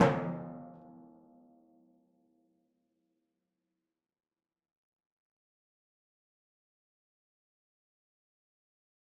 <region> pitch_keycenter=52 lokey=51 hikey=53 tune=-34 volume=10.937817 lovel=100 hivel=127 seq_position=1 seq_length=2 ampeg_attack=0.004000 ampeg_release=30.000000 sample=Membranophones/Struck Membranophones/Timpani 1/Hit/Timpani4_Hit_v4_rr1_Sum.wav